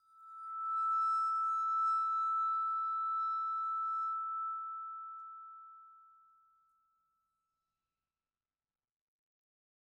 <region> pitch_keycenter=88 lokey=85 hikey=89 volume=14.323067 offset=4470 ampeg_attack=0.004000 ampeg_release=5.000000 sample=Idiophones/Struck Idiophones/Vibraphone/Bowed/Vibes_bowed_E5_rr1_Main.wav